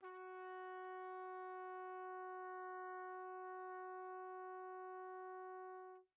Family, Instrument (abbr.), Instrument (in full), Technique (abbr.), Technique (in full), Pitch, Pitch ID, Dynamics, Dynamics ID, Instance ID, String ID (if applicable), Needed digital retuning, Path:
Brass, TpC, Trumpet in C, ord, ordinario, F#4, 66, pp, 0, 0, , TRUE, Brass/Trumpet_C/ordinario/TpC-ord-F#4-pp-N-T12u.wav